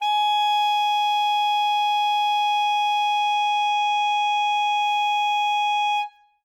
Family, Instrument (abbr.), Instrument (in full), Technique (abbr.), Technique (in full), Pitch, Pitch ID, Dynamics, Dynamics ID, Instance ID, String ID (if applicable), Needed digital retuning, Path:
Winds, ASax, Alto Saxophone, ord, ordinario, G#5, 80, ff, 4, 0, , FALSE, Winds/Sax_Alto/ordinario/ASax-ord-G#5-ff-N-N.wav